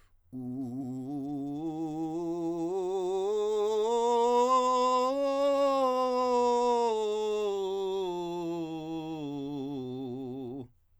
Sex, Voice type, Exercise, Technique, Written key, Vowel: male, countertenor, scales, belt, , u